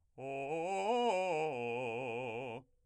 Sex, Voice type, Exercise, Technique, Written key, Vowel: male, , arpeggios, fast/articulated forte, C major, o